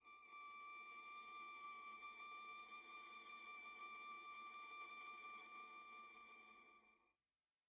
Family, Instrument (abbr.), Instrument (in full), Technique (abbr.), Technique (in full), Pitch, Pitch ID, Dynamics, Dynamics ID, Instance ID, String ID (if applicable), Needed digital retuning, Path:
Strings, Va, Viola, ord, ordinario, D6, 86, pp, 0, 1, 2, FALSE, Strings/Viola/ordinario/Va-ord-D6-pp-2c-N.wav